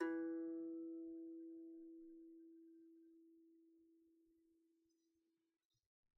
<region> pitch_keycenter=52 lokey=52 hikey=53 volume=14.267600 lovel=0 hivel=65 ampeg_attack=0.004000 ampeg_release=15.000000 sample=Chordophones/Composite Chordophones/Strumstick/Finger/Strumstick_Finger_Str1_Main_E2_vl1_rr1.wav